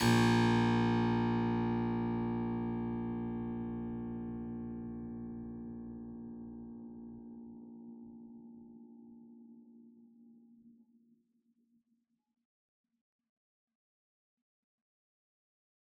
<region> pitch_keycenter=34 lokey=34 hikey=34 volume=0.162769 trigger=attack ampeg_attack=0.004000 ampeg_release=0.400000 amp_veltrack=0 sample=Chordophones/Zithers/Harpsichord, Unk/Sustains/Harpsi4_Sus_Main_A#0_rr1.wav